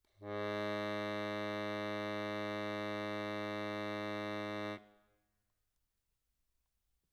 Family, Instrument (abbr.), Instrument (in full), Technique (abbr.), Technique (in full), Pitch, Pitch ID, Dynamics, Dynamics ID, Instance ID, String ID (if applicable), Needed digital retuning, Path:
Keyboards, Acc, Accordion, ord, ordinario, G#2, 44, mf, 2, 1, , FALSE, Keyboards/Accordion/ordinario/Acc-ord-G#2-mf-alt1-N.wav